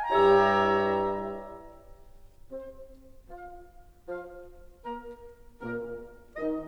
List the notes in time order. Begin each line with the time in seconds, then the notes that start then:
0.00 G#5
0.09 G2 G3 E4 G4 C#5 E5 A#5
1.13 G2 G3 E4 G4 C#5 A#5
1.37 E5
2.52 C4 C5
3.48 F4 F5
4.09 F3 F4 F5
4.85 A#3 A#4 A#5
5.63 A#2 A#3 A#4
6.39 D#3 D#4 D#5